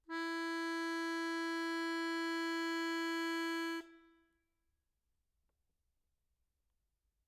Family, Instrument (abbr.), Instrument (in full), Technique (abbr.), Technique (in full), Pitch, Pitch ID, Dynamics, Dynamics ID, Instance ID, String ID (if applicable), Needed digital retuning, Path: Keyboards, Acc, Accordion, ord, ordinario, E4, 64, mf, 2, 4, , FALSE, Keyboards/Accordion/ordinario/Acc-ord-E4-mf-alt4-N.wav